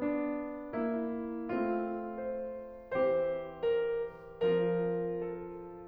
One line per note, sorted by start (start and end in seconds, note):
0.00 0.73 B3
0.00 0.73 D4
0.74 1.42 A#3
0.74 1.42 E4
1.43 3.04 A3
1.43 3.04 C4
1.43 3.04 F4
2.25 2.71 C5
3.05 4.35 E3
3.05 4.35 C4
3.05 4.35 G4
3.05 3.70 C5
3.72 4.08 A#4
4.37 5.86 F3
4.37 5.86 C4
4.37 5.86 F4
4.37 5.04 A#4
5.05 5.55 A4